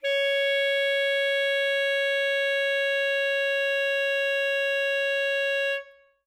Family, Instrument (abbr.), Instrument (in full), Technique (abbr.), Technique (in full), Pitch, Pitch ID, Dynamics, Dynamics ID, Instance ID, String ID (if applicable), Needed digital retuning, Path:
Winds, ASax, Alto Saxophone, ord, ordinario, C#5, 73, ff, 4, 0, , FALSE, Winds/Sax_Alto/ordinario/ASax-ord-C#5-ff-N-N.wav